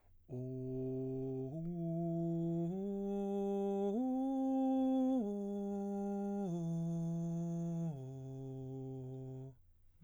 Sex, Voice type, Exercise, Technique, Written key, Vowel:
male, baritone, arpeggios, breathy, , o